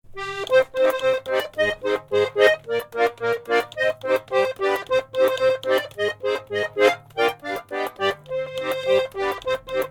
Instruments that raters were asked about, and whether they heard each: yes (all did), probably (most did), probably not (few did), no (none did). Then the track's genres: accordion: yes
cymbals: probably not
Electronic; Experimental; Experimental Pop